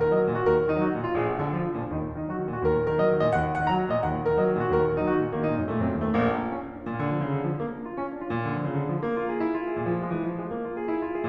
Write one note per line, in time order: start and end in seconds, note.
0.00 0.09 D#3
0.00 0.09 A#4
0.09 0.21 F#3
0.09 0.30 D#5
0.21 0.30 D#3
0.31 0.42 A#2
0.31 0.42 F#4
0.42 0.50 D#2
0.42 0.64 A#4
0.51 0.64 A#2
0.64 0.75 D#3
0.64 0.75 D#4
0.75 0.91 F#3
0.75 1.03 F#4
0.91 1.03 D#3
1.03 1.16 A#2
1.03 1.16 F4
1.17 1.28 A#1
1.17 1.38 G#4
1.28 1.38 A#2
1.39 1.51 D3
1.39 1.51 D4
1.51 1.67 F3
1.51 1.78 F4
1.67 1.78 D3
1.78 1.92 A#2
1.78 1.92 D4
1.92 2.03 D#2
1.92 2.15 D#4
2.04 2.15 A#2
2.15 2.28 D#3
2.15 2.28 D#4
2.29 2.38 F#3
2.29 2.51 F#4
2.38 2.51 D#3
2.51 2.61 A#2
2.51 2.61 F#4
2.61 2.75 D#2
2.61 2.86 A#4
2.75 2.86 A#2
2.86 2.96 D#3
2.86 2.96 A#4
2.96 3.08 F#3
2.96 3.19 D#5
3.09 3.19 D#3
3.19 3.33 A#2
3.19 3.33 D#5
3.33 3.47 D#2
3.33 3.59 F#5
3.47 3.59 A#2
3.59 3.68 D#3
3.59 3.68 F#5
3.68 3.78 F#3
3.68 3.90 A#5
3.78 3.90 D#3
3.91 4.03 A#2
3.91 4.03 D#5
4.03 4.14 D#2
4.03 4.25 F#5
4.14 4.25 A#2
4.25 4.40 D#3
4.25 4.40 A#4
4.40 4.48 F#3
4.40 4.60 D#5
4.48 4.60 D#3
4.60 4.69 A#2
4.60 4.69 F#4
4.70 4.85 D#2
4.70 5.03 A#4
4.85 5.03 A#2
5.03 5.13 D#3
5.03 5.13 D#4
5.13 5.24 F#3
5.13 5.35 F#4
5.24 5.35 D#3
5.35 5.50 A#2
5.35 5.50 A#3
5.50 5.58 D#3
5.50 5.69 D#4
5.60 5.69 A#2
5.69 5.83 F#2
5.69 5.83 A3
5.83 5.92 A#2
5.83 6.05 C4
5.92 6.05 F#2
6.05 6.16 D#2
6.05 6.16 A3
6.16 6.40 A#1
6.16 6.26 A#3
6.26 6.40 D4
6.41 6.51 F4
6.51 6.65 C#4
6.65 6.76 D4
6.76 6.86 F4
6.86 7.05 A#2
7.05 7.20 D3
7.20 7.29 F3
7.30 7.41 C#3
7.41 7.55 D3
7.55 7.65 F3
7.65 7.76 A#3
7.76 7.91 D4
7.91 8.01 F4
8.01 8.13 C#4
8.14 8.24 D4
8.24 8.35 F4
8.35 8.48 A#2
8.48 8.58 D3
8.58 8.70 F3
8.70 8.85 C#3
8.85 8.95 D3
8.96 9.07 F3
9.07 9.18 A#3
9.18 9.31 F4
9.31 9.43 G#4
9.43 9.53 E4
9.53 9.65 F4
9.65 9.75 G#4
9.76 9.88 A#2
9.88 9.98 F3
9.98 10.14 G#3
10.14 10.26 E3
10.26 10.38 F3
10.38 10.48 G#3
10.48 10.61 A#3
10.62 10.76 F4
10.76 10.93 G#4
10.93 11.08 E4
11.08 11.18 F4
11.18 11.28 G#4